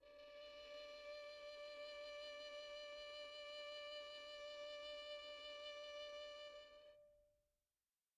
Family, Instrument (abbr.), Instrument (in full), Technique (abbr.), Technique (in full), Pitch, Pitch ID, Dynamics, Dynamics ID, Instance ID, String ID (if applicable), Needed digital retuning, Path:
Strings, Vn, Violin, ord, ordinario, D5, 74, pp, 0, 2, 3, FALSE, Strings/Violin/ordinario/Vn-ord-D5-pp-3c-N.wav